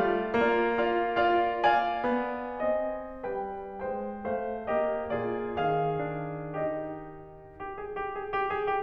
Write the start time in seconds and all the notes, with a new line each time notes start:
0.01 A3 F4 D5 F5
0.45 A#3 F4 D5 F5
0.81 F4 D5 F5
1.17 F4 D5 F5
1.62 D5 F5 G#5
2.06 B3
2.62 C4 D#5
3.28 G3 B4 G5
3.80 G#3 C5 G5
4.29 A3 C5 F5
4.71 A#3 G4 D#5
5.07 A#2 F4 G#4 D5
5.61 D#3 G#4 F5
6.09 D4
6.55 D#4 G4 D#5
7.61 G4
7.80 G#4
7.98 G4
8.14 G#4
8.32 G4
8.54 G#4
8.72 G4